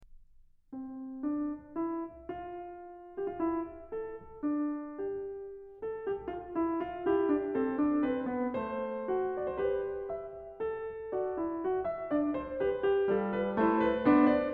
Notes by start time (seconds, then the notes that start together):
0.02 C4
1.20 D4
1.76 E4
2.31 F4
3.15 G4
3.26 F4
3.39 E4
3.94 A4
4.42 D4
4.99 G4
5.80 A4
6.07 G4
6.33 F4
6.56 E4
6.81 F4
7.06 E4 G4
7.30 D4
7.57 C4 A4
7.80 D4
8.06 C4 B4
8.29 B3
8.54 A3 C5
9.09 F#4
9.35 D5
9.48 C5
9.59 G4 B4
10.15 E5
10.62 A4
11.17 F4 D5
11.40 E4
11.67 F4
11.89 E5
12.12 D4 D5
12.38 C5
12.62 G4 B4
12.90 G4
13.07 G3 F4 A4
13.35 B4
13.59 A3 E4 C5
13.87 B4
14.08 B3 D4 C5
14.29 D5